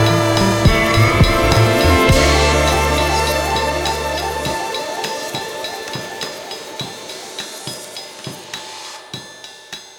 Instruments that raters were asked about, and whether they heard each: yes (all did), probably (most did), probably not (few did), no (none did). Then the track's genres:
cymbals: yes
Electronic; Hip-Hop; Experimental